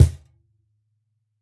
<region> pitch_keycenter=62 lokey=62 hikey=62 volume=-1.780630 lovel=100 hivel=127 seq_position=1 seq_length=2 ampeg_attack=0.004000 ampeg_release=30.000000 sample=Idiophones/Struck Idiophones/Cajon/Cajon_hit3_f_rr1.wav